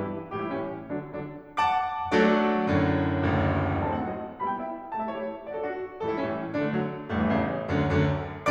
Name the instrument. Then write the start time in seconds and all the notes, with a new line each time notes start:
piano
0.00 G2 B2 E3 E4
0.35 A2 E3 G3 G4
0.44 E4
0.50 A2 E3 G3 C#4
0.91 D3 F#3 D4
1.14 D3 F#3 D4
1.60 F#5 A5 D6
2.12 F#3 A3 D4 F#4 A4 D5
2.68 F#2 A2 D3
3.36 F#1 A1 D2
3.94 F#3 A3 C4 D#4 A5
4.03 F#5
4.10 F#3 A3 C4 D#4 D#5
4.40 G3 B3 E4 B5
4.52 G5
4.60 G3 B3 E4 E5
4.95 A3 E4 G4 A5
5.03 E5
5.13 A3 E4 G4 C#5
5.46 D4 F#4 D5
5.55 A4
5.64 D4 F#4
6.01 A2 E3 G3 A4
6.12 E4
6.20 A2 E3 G3 C#4
6.55 D3 F#3 D4
6.64 A3
6.75 D3 F#3
7.15 A1 G2 A3
7.27 E3
7.36 A1 G2 C#3
7.70 D2 F#2 D3
7.89 D2 F#2 D3